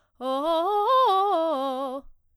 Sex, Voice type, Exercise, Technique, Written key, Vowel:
female, soprano, arpeggios, fast/articulated forte, C major, o